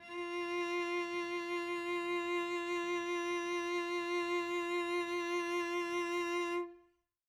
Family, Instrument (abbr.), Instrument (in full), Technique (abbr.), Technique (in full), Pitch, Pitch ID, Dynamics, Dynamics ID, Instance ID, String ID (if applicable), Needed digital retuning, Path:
Strings, Vc, Cello, ord, ordinario, F4, 65, mf, 2, 0, 1, FALSE, Strings/Violoncello/ordinario/Vc-ord-F4-mf-1c-N.wav